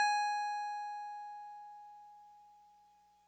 <region> pitch_keycenter=92 lokey=91 hikey=94 volume=15.075159 lovel=0 hivel=65 ampeg_attack=0.004000 ampeg_release=0.100000 sample=Electrophones/TX81Z/FM Piano/FMPiano_G#5_vl1.wav